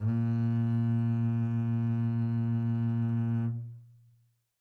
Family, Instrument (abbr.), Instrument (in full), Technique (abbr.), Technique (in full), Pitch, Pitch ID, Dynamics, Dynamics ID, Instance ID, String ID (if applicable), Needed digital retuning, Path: Strings, Cb, Contrabass, ord, ordinario, A#2, 46, mf, 2, 2, 3, FALSE, Strings/Contrabass/ordinario/Cb-ord-A#2-mf-3c-N.wav